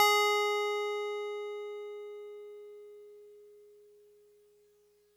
<region> pitch_keycenter=80 lokey=79 hikey=82 volume=10.151198 lovel=100 hivel=127 ampeg_attack=0.004000 ampeg_release=0.100000 sample=Electrophones/TX81Z/FM Piano/FMPiano_G#4_vl3.wav